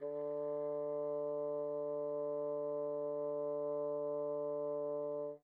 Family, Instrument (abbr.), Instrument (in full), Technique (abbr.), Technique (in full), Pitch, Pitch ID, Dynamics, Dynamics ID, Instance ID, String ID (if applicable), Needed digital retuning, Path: Winds, Bn, Bassoon, ord, ordinario, D3, 50, pp, 0, 0, , TRUE, Winds/Bassoon/ordinario/Bn-ord-D3-pp-N-T13d.wav